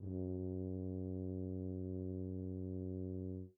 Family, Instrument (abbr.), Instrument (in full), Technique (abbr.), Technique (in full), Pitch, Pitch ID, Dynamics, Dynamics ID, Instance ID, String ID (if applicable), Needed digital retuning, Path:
Brass, BTb, Bass Tuba, ord, ordinario, F#2, 42, mf, 2, 0, , TRUE, Brass/Bass_Tuba/ordinario/BTb-ord-F#2-mf-N-T19u.wav